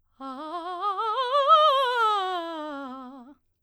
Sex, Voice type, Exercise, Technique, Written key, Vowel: female, soprano, scales, fast/articulated piano, C major, a